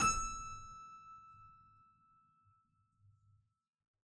<region> pitch_keycenter=76 lokey=76 hikey=77 volume=-2.925343 trigger=attack ampeg_attack=0.004000 ampeg_release=0.40000 amp_veltrack=0 sample=Chordophones/Zithers/Harpsichord, Flemish/Sustains/High/Harpsi_High_Far_E5_rr1.wav